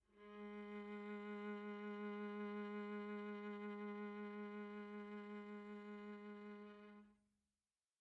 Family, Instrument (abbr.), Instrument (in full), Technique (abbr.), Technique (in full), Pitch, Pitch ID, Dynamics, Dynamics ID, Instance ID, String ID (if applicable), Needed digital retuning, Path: Strings, Va, Viola, ord, ordinario, G#3, 56, pp, 0, 2, 3, FALSE, Strings/Viola/ordinario/Va-ord-G#3-pp-3c-N.wav